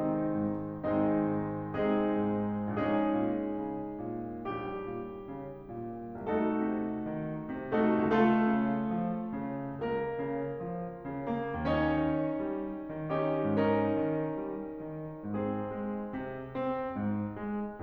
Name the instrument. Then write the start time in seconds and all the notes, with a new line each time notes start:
piano
0.01 C3 D#3 G#3 C4 D#4
0.30 G#2
0.78 G#1 D#3 G#3 C4 D#4
1.18 G#2
1.69 C3 G#3 C4 D#4 G#4
2.11 G#2
2.73 A#1 G#3 C#4 D#4 G#4
3.21 A#2
3.67 C#3
4.05 A#2
4.44 A#1 G3 G4
4.82 A#2
5.25 C#3
5.75 A#2
6.31 C2 A3 D#4 F#4 A4
6.70 C3
7.15 D#3
7.53 C3
7.74 A3 D#4 F#4 A4
7.99 C#2 A3 F4 A4
8.48 C#3
9.02 F3
9.35 C#3
9.83 C#2 A#3 A#4
10.26 C#3
10.70 F3
11.05 C#3
11.28 A#3 A#4
11.57 D#2 C#4 D#4 C#5
11.91 D#3
12.46 G3
12.92 D#3
13.17 C#4 D#4 G4
13.54 G#2 C#4 D#4 A#4
13.94 D#3
14.29 G3
14.66 D#3
15.27 G#2 C4 G#4
15.75 G#3
16.18 C3
16.52 C4
17.00 G#2
17.40 G#3